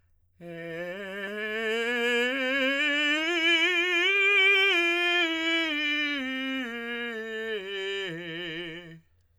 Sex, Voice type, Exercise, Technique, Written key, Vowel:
male, tenor, scales, slow/legato piano, F major, e